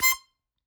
<region> pitch_keycenter=84 lokey=83 hikey=86 tune=8 volume=3.307069 seq_position=2 seq_length=2 ampeg_attack=0.004000 ampeg_release=0.300000 sample=Aerophones/Free Aerophones/Harmonica-Hohner-Special20-F/Sustains/Stac/Hohner-Special20-F_Stac_C5_rr2.wav